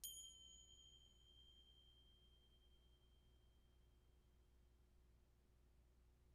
<region> pitch_keycenter=60 lokey=60 hikey=60 volume=20.000000 ampeg_attack=0.004000 ampeg_release=15.000000 sample=Idiophones/Struck Idiophones/Finger Cymbals/Fing_Cymb.wav